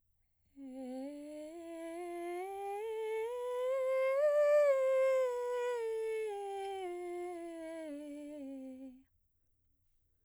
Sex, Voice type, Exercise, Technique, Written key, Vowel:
female, soprano, scales, breathy, , e